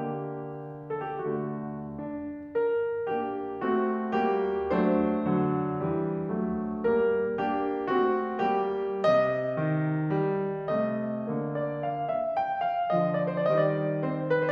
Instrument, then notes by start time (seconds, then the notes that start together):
piano
0.01 D3 A#3 G4
0.89 A4
1.03 G4
1.13 A3 F#4
1.64 D4
2.55 A#4
3.15 A#3 D4 G4
3.64 A3 C4 F#4
4.22 G3 A#3 G4
4.75 F#3 A3 D4 C5
5.27 D3 F#3
5.78 E3 G3
6.34 F#3 A3
6.93 G3 A#3 A#4
7.40 A#3 D4 G4
7.90 A3 C4 F#4
8.49 G3 A#3 G4
9.07 C3 D#5
9.57 D#3
10.15 G3
10.83 C3 A3 D#5
11.35 D3 A#3
11.60 D5
11.88 F5
12.17 E5
12.42 G5
12.71 F5
12.94 D3 F3 D#5
13.16 D5
13.46 D#3 G3 C5
13.53 D5
13.59 D#5
13.66 D5
13.96 C4 C5